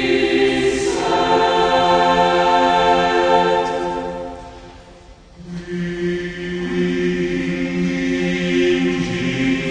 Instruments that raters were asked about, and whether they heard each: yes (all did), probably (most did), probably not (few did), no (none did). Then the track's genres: voice: yes
Classical